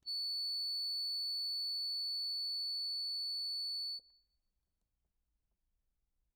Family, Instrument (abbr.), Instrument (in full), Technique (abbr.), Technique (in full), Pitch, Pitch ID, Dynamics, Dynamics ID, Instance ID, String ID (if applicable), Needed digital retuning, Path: Keyboards, Acc, Accordion, ord, ordinario, C#8, 109, ff, 4, 0, , FALSE, Keyboards/Accordion/ordinario/Acc-ord-C#8-ff-N-N.wav